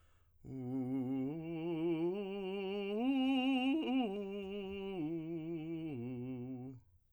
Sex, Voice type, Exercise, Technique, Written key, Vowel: male, tenor, arpeggios, slow/legato piano, C major, u